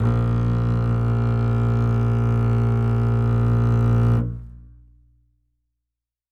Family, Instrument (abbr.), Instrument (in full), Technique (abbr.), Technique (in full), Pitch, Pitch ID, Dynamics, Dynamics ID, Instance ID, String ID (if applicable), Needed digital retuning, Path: Strings, Cb, Contrabass, ord, ordinario, A#1, 34, ff, 4, 3, 4, FALSE, Strings/Contrabass/ordinario/Cb-ord-A#1-ff-4c-N.wav